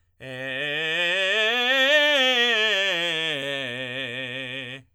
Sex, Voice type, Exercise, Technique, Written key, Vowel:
male, tenor, scales, belt, , e